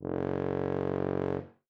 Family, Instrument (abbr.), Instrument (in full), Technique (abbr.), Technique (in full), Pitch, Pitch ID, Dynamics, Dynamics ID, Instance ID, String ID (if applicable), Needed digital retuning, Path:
Brass, BTb, Bass Tuba, ord, ordinario, F#1, 30, ff, 4, 0, , FALSE, Brass/Bass_Tuba/ordinario/BTb-ord-F#1-ff-N-N.wav